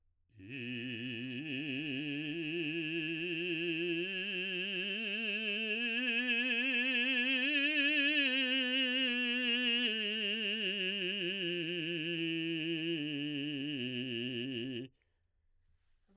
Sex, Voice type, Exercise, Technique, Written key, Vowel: male, baritone, scales, vibrato, , i